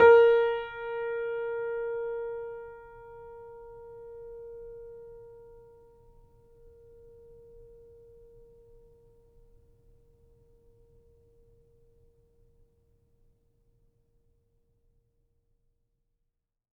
<region> pitch_keycenter=70 lokey=70 hikey=71 volume=-1.066330 lovel=66 hivel=99 locc64=0 hicc64=64 ampeg_attack=0.004000 ampeg_release=0.400000 sample=Chordophones/Zithers/Grand Piano, Steinway B/NoSus/Piano_NoSus_Close_A#4_vl3_rr1.wav